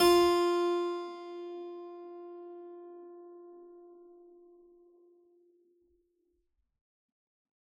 <region> pitch_keycenter=65 lokey=65 hikey=65 volume=-1 trigger=attack ampeg_attack=0.004000 ampeg_release=0.400000 amp_veltrack=0 sample=Chordophones/Zithers/Harpsichord, Unk/Sustains/Harpsi4_Sus_Main_F3_rr1.wav